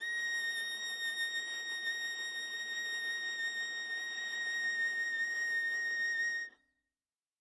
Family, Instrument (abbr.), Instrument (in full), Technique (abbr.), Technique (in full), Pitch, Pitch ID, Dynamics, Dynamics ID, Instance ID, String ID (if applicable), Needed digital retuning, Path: Strings, Va, Viola, ord, ordinario, A#6, 94, ff, 4, 0, 1, FALSE, Strings/Viola/ordinario/Va-ord-A#6-ff-1c-N.wav